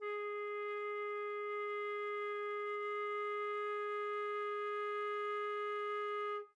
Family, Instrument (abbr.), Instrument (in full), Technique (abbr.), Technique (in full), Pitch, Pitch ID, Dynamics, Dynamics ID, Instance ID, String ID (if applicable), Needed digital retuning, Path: Winds, Fl, Flute, ord, ordinario, G#4, 68, mf, 2, 0, , FALSE, Winds/Flute/ordinario/Fl-ord-G#4-mf-N-N.wav